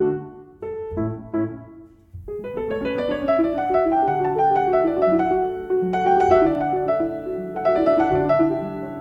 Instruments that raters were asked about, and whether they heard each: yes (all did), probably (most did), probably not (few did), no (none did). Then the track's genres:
piano: yes
mallet percussion: probably not
Contemporary Classical